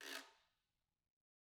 <region> pitch_keycenter=60 lokey=60 hikey=60 volume=15.000000 offset=179 ampeg_attack=0.004000 ampeg_release=30.000000 sample=Idiophones/Struck Idiophones/Guiro/Guiro_Fast_rr1_Mid.wav